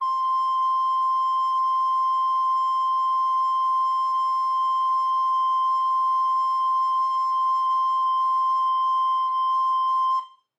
<region> pitch_keycenter=84 lokey=84 hikey=85 volume=9.439442 offset=202 ampeg_attack=0.005000 ampeg_release=0.300000 sample=Aerophones/Edge-blown Aerophones/Baroque Soprano Recorder/Sustain/SopRecorder_Sus_C5_rr1_Main.wav